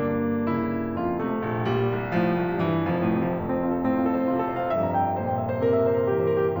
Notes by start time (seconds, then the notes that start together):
0.01 G2 D3 A#3 D4
0.46 C#3 E4
0.97 F2 F4
1.21 C3 A3
1.46 A#1
1.68 A#2 G3
1.91 C2
2.13 A2 F3
2.32 C2
2.53 G2 E3
2.72 F1 F3
2.83 A2
2.94 C3
3.12 F3
3.23 F2 A3
3.42 C4
3.52 F4
3.64 A4
3.78 A2 C4
3.93 F4
4.06 A4
4.17 C5
4.28 C3 F4
4.41 A4
4.49 C5
4.60 F5
4.72 F2 G2 E5
4.81 A#5
5.00 G5
5.10 E5
5.20 A#2 C5
5.30 G5
5.40 E5
5.50 C5
5.60 C3 A#4
5.69 E5
5.82 C5
5.94 A#4
6.05 E3 G4
6.17 C5
6.30 A#4
6.50 G4